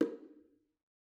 <region> pitch_keycenter=61 lokey=61 hikey=61 volume=14.379947 offset=228 lovel=66 hivel=99 seq_position=1 seq_length=2 ampeg_attack=0.004000 ampeg_release=15.000000 sample=Membranophones/Struck Membranophones/Bongos/BongoH_HitMuted1_v2_rr1_Mid.wav